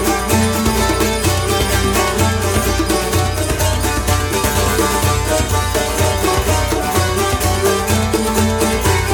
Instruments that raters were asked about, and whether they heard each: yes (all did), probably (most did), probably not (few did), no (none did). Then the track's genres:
banjo: probably not
mandolin: probably not
International; Middle East; Turkish